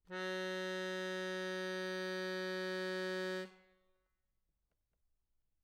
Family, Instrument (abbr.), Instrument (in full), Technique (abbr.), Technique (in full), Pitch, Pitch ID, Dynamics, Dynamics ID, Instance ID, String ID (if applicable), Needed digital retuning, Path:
Keyboards, Acc, Accordion, ord, ordinario, F#3, 54, mf, 2, 4, , FALSE, Keyboards/Accordion/ordinario/Acc-ord-F#3-mf-alt4-N.wav